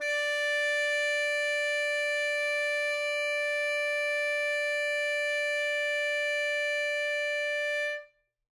<region> pitch_keycenter=74 lokey=74 hikey=75 volume=14.588001 lovel=84 hivel=127 ampeg_attack=0.004000 ampeg_release=0.500000 sample=Aerophones/Reed Aerophones/Tenor Saxophone/Non-Vibrato/Tenor_NV_Main_D4_vl3_rr1.wav